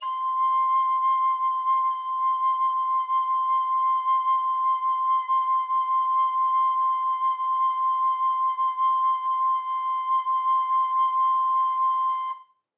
<region> pitch_keycenter=84 lokey=84 hikey=85 volume=13.480815 offset=348 ampeg_attack=0.004000 ampeg_release=0.300000 sample=Aerophones/Edge-blown Aerophones/Baroque Alto Recorder/SusVib/AltRecorder_SusVib_C5_rr1_Main.wav